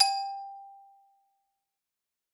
<region> pitch_keycenter=67 lokey=64 hikey=69 volume=2.837808 lovel=84 hivel=127 ampeg_attack=0.004000 ampeg_release=15.000000 sample=Idiophones/Struck Idiophones/Xylophone/Hard Mallets/Xylo_Hard_G4_ff_01_far.wav